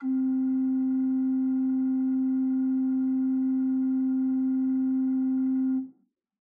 <region> pitch_keycenter=48 lokey=48 hikey=49 ampeg_attack=0.004000 ampeg_release=0.300000 amp_veltrack=0 sample=Aerophones/Edge-blown Aerophones/Renaissance Organ/4'/RenOrgan_4foot_Room_C2_rr1.wav